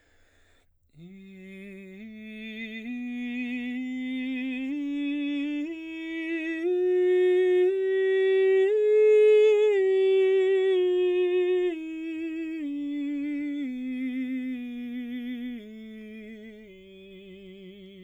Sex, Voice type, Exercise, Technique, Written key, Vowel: male, baritone, scales, slow/legato piano, F major, i